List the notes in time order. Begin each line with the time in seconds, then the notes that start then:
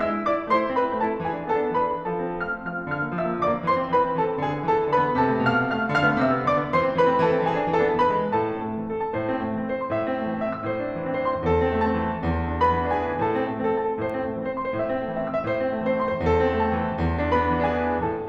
0.00 G#3 E5 E6
0.13 E4
0.23 B3 D4 D5 D6
0.36 E4
0.49 A3 C5 C6
0.65 E4
0.78 C4 B4 B5
0.94 E4
1.04 A3 A4 A5
1.14 E4
1.27 E3 G#4 G#5
1.35 D4
1.50 B3 A4 A5
1.61 D4
1.79 E3 B4 B5
1.99 D4
2.15 F3 A4 A5
2.28 C4
2.41 A3 F5 F6
2.57 C4
2.66 F3 F5 F6
2.79 C4
2.90 D3 F5 F6
3.04 A#3
3.17 F3 E5 E6
3.30 A#3
3.40 D3 D5 D6
3.53 A#3
3.68 E3 C5 C6
3.82 C4
3.92 A3 B4 B5
4.06 C4
4.17 E3 A4 A5
4.31 C4
4.44 D3 G#4 G#5
4.52 B3
4.69 E3 A4 A5
4.82 B3
4.93 D3 B4 B5
5.05 B3
5.20 C3 A4 A5
5.33 A3
5.47 B2 F5 F6
5.58 A3
5.70 C3 F5 F6
5.76 A3
5.91 D3 F5 F6
6.07 A3 B3
6.22 C3 E5 E6
6.37 A3 B3
6.49 D3 D5 D6
6.61 A3 B3
6.76 E3 C5 C6
6.88 A3 C4
6.98 D#3 B4 B5
7.12 A3 C4
7.26 E3 A4 A5
7.37 A3 C4
7.50 E3 G#4 G#5
7.58 B3 D4
7.73 E3 A4 A5
7.91 A3 C4
8.06 E3 B4 B5
8.20 G#3 B3
8.34 A2 A4 A5
8.49 C4
8.63 A3
8.77 C4
8.92 E3 A4
9.04 C4 A5
9.18 A2 C5
9.31 C4
9.45 A3
9.58 C4
9.67 E3 C5
9.82 C4 C6
9.97 A2 E5
10.10 C4
10.21 A3
10.29 C4
10.41 E3 E5
10.53 C4 E6
10.65 A2 C5
10.77 C4
10.87 A3
11.02 C4
11.16 E3 C5
11.31 C4 C6
11.47 A2 A4
11.61 C4
11.78 A3 A5
11.89 C4
11.96 E3
12.14 C4
12.28 E2
12.46 D4
12.63 B3 B4 B5
12.76 D4
12.92 E3 G#4 G#5
13.06 D4
13.24 A2 A4 A5
13.40 C4
13.49 A3
13.63 C4 A4
13.77 E3 A5
13.90 C4 A4
14.01 A2 C5
14.08 C4
14.15 A3
14.28 C4 C5
14.37 E3 C6
14.49 C4 C5
14.63 A2 E5
14.78 C4
14.92 A3
15.02 C4 E5
15.14 E3 E6
15.26 C4 E5
15.37 A2 C5
15.51 C4
15.63 A3
15.77 C4 C5
15.89 E3 C6
16.06 C4 C5
16.16 A2 A4
16.30 C4
16.45 A3 A5
16.61 C4
16.76 E3
16.92 C4
17.03 E2
17.19 D4
17.33 B3 B4 B5
17.52 D4
17.67 E3 G#4 G#5
17.84 D4
18.01 A2 A4 A5
18.17 A3